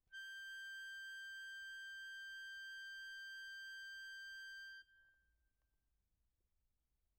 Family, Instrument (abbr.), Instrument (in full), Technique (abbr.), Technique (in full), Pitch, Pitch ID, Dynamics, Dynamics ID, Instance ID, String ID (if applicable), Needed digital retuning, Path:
Keyboards, Acc, Accordion, ord, ordinario, G6, 91, mf, 2, 0, , FALSE, Keyboards/Accordion/ordinario/Acc-ord-G6-mf-N-N.wav